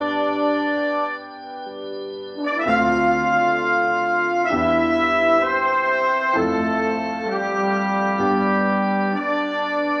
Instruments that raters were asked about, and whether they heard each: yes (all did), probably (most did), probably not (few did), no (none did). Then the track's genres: organ: probably not
trombone: yes
trumpet: probably
Pop; Folk; Americana; Instrumental